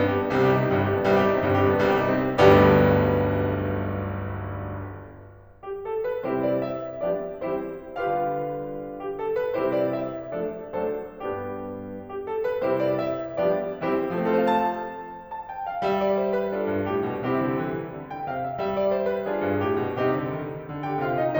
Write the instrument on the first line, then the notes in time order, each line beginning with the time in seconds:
piano
0.00 G2 B3
0.10 G4
0.19 D4
0.27 B3
0.39 C2 C3 G3
0.48 G4
0.56 D#4
0.64 C4
0.71 G1 G2 G3
0.79 G4
0.89 D4
0.98 B3
1.06 C2 C3 G3
1.14 G4
1.24 D#4
1.32 C4
1.43 G1 G2 G3
1.52 G4
1.63 D4
1.72 B3
1.83 C2 C3 G3
1.97 G4
2.09 D#4
2.22 C4
2.33 G1 B1 D2 G2 G3 B3 D4 G4
5.68 G4
5.85 A4
6.03 B4
6.25 C3 G3 C4 E4 G4 C5
6.46 D5
6.69 E5
7.14 F3 G3 B3 D4 G4 D5
7.56 E3 G3 C4 E4 G4 C5
7.98 D3 G3 D4 F4 G4 B4 F5
9.03 G4
9.21 A4
9.37 B4
9.54 C3 G3 C4 E4 G4 C5
9.73 D5
9.91 E5
10.36 F3 A3 D4 A4 D5
10.77 F#3 A3 D4 A4 C5
11.16 G2 G3 B3 D4 G4
12.12 G4
12.29 A4
12.46 B4
12.63 C3 G3 C4 E4 G4 C5
12.78 D5
12.96 E5
13.40 F3 G3 B3 D4 G4 D5
13.80 E3 G3 C4 E4 G4 C5
14.19 F3 A4
14.23 A3 C5
14.32 C4 F5
14.36 F4 A5
15.31 A5
15.49 G5
15.69 F5
15.85 G3 E5
16.02 D5
16.24 C5
16.43 B4
16.57 D4 F4 A4
16.75 G2
16.93 A2 G4
17.11 B2
17.31 C3 C4 E4 G4
17.48 D3
17.66 E3
17.95 D3
18.11 G5
18.30 C3 F5
18.45 E5
18.56 G3 E5
18.70 D5
18.90 C5
19.09 B4
19.30 D4 F4 G#4
19.46 G2
19.57 A2 G4
19.75 B2
19.93 C3 C4 D#4 G4
20.10 D3
20.25 D#3
20.64 D3
20.85 G4 G5
21.04 C3 F4 F5
21.22 D#4 D#5